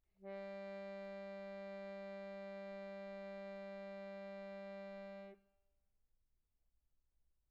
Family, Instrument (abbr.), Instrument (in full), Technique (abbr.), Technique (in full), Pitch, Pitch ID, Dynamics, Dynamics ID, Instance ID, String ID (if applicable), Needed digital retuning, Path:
Keyboards, Acc, Accordion, ord, ordinario, G3, 55, pp, 0, 0, , FALSE, Keyboards/Accordion/ordinario/Acc-ord-G3-pp-N-N.wav